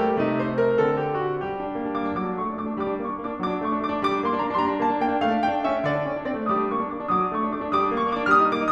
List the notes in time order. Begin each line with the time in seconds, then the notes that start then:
0.00 G3 G4
0.20 C3 A3 D#4
0.41 C5
0.60 A#4
0.82 D3 C4 A4
1.04 G4
1.23 F#4
1.45 G3 G4
1.63 D4
1.73 A#3
1.83 D4
1.94 A#3 D6
2.05 D4
2.16 F#3 D6
2.31 D4
2.40 A3 C#6
2.50 D4
2.59 A3 D6
2.69 D4
2.83 G3 D6
2.91 D4
3.01 A#3 C#6
3.11 D4
3.19 A#3 D6
3.26 D4
3.34 F#3 D6
3.47 D4
3.60 A3 C#6
3.72 D4
3.81 A3 D6
3.91 D4
4.03 G3 D6
4.13 D4
4.23 A#3 C6
4.34 D4
4.39 A#3 A#5
4.48 D4
4.61 G3 C6
4.67 D4 A#5
4.79 A#3 A5
4.90 D4
4.99 A#3 G5
5.11 D4
5.20 A3 F5
5.31 D4
5.43 A3 G5
5.54 D4
5.64 A3 E5
5.75 C#4
5.84 D3 D5
5.96 D4
6.05 C#4
6.16 D4
6.28 C4 D5
6.39 A3
6.50 G3 D#6
6.55 D6
6.62 D4
6.73 A#3 C#6
6.84 D4
6.93 A#3 D6
7.04 D4
7.09 F#3 D#6
7.16 D6
7.23 D4
7.33 A3 C#6
7.41 D4
7.51 A3 D6
7.64 D4
7.72 G3 D6 D#6
7.81 D4
7.92 A#3 C#6
8.03 D4
8.14 A#3 D6
8.23 D4
8.32 G3 F6
8.37 D#6
8.42 D#4
8.52 A#3 D6
8.61 D#4